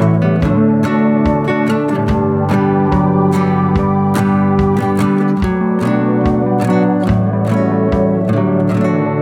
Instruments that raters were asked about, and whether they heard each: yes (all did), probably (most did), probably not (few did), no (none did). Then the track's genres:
trombone: no
guitar: yes
trumpet: no
Country; Psych-Folk